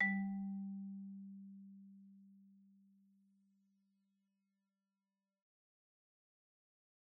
<region> pitch_keycenter=55 lokey=52 hikey=57 volume=17.435073 offset=34 xfin_lovel=84 xfin_hivel=127 ampeg_attack=0.004000 ampeg_release=15.000000 sample=Idiophones/Struck Idiophones/Marimba/Marimba_hit_Outrigger_G2_loud_01.wav